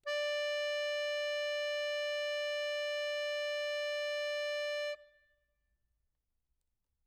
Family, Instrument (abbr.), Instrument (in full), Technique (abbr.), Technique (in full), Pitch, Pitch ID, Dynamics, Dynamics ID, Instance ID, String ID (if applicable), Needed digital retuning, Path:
Keyboards, Acc, Accordion, ord, ordinario, D5, 74, mf, 2, 2, , FALSE, Keyboards/Accordion/ordinario/Acc-ord-D5-mf-alt2-N.wav